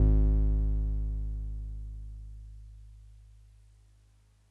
<region> pitch_keycenter=32 lokey=31 hikey=34 volume=7.686007 lovel=100 hivel=127 ampeg_attack=0.004000 ampeg_release=0.100000 sample=Electrophones/TX81Z/Piano 1/Piano 1_G#0_vl3.wav